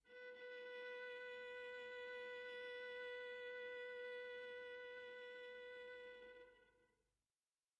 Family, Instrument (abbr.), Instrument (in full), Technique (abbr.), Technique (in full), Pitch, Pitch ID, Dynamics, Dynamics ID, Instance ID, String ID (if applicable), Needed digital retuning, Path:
Strings, Va, Viola, ord, ordinario, B4, 71, pp, 0, 2, 3, TRUE, Strings/Viola/ordinario/Va-ord-B4-pp-3c-T11d.wav